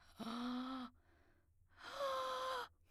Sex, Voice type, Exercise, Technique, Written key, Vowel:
female, soprano, long tones, inhaled singing, , a